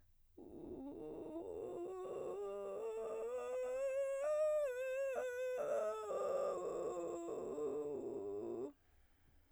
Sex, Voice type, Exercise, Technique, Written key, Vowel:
female, soprano, scales, vocal fry, , u